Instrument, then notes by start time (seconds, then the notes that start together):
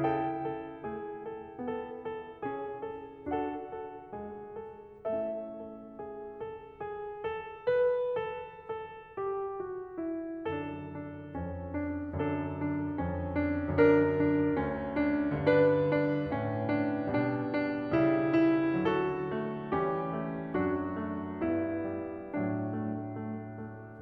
piano
0.00 C#3 E4 A4 G5
0.53 A4
0.86 A3 G#4
1.30 A4
1.63 B3 A4
2.03 A4
2.46 C#4 G#4
2.93 A4
3.37 D4 F#4 A4 F#5
3.82 A4
4.16 G#3 G#4
4.54 A4
5.09 A3 C#4 E4 A4 E5
5.54 A4
5.97 G#4
6.36 A4
6.93 G#4
7.30 A4
7.71 B4
8.16 A4
8.68 A4
9.15 G4
9.67 F#4
10.00 E4
10.55 F#2 D3 D4 A4
10.99 D4
11.45 F2 C#4
11.73 D4
12.18 F#2 D3 D4 A4
12.61 D4
12.99 F2 C#4
13.35 D4
13.86 F#2 D3 D4 A#4
14.37 D4
14.71 D2 C#4
15.05 D4
15.49 G2 D3 D4 B4
15.84 D4
16.32 A2 C#4
16.64 D4
17.14 B2 G3 D4
17.50 D4
17.91 C#3 G3 E4
18.45 E4
18.99 D3 F#3 F#4 A4
19.33 A3
19.78 E3 G3 C#4 G4
20.11 A3
20.55 F#2 F#3 D4 F#4
21.04 A3
21.36 G2 B3 E4
21.80 G3
22.34 A2 F#3 D4
22.76 A3
23.25 A3
23.64 A3